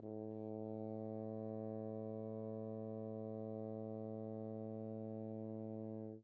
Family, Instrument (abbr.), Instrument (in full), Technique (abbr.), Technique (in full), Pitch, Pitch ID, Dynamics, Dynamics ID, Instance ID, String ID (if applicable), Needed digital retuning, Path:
Brass, Hn, French Horn, ord, ordinario, A2, 45, mf, 2, 0, , FALSE, Brass/Horn/ordinario/Hn-ord-A2-mf-N-N.wav